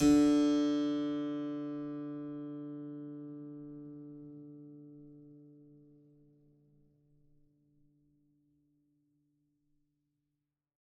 <region> pitch_keycenter=50 lokey=50 hikey=51 volume=1.375043 seq_position=1 seq_length=2 trigger=attack ampeg_attack=0.004000 ampeg_release=0.400000 amp_veltrack=0 sample=Chordophones/Zithers/Harpsichord, French/Sustains/Harpsi2_Normal_D2_rr1_Main.wav